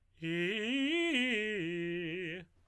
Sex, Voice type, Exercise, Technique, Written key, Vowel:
male, tenor, arpeggios, fast/articulated piano, F major, i